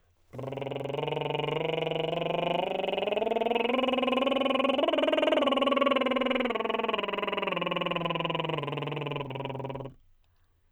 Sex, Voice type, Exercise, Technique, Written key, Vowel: male, tenor, scales, lip trill, , i